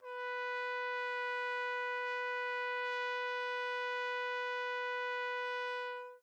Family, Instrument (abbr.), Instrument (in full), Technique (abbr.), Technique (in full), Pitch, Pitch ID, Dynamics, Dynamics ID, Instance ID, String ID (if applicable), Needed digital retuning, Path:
Brass, TpC, Trumpet in C, ord, ordinario, B4, 71, mf, 2, 0, , FALSE, Brass/Trumpet_C/ordinario/TpC-ord-B4-mf-N-N.wav